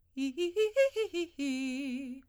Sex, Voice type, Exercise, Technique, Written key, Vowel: female, soprano, arpeggios, fast/articulated forte, C major, i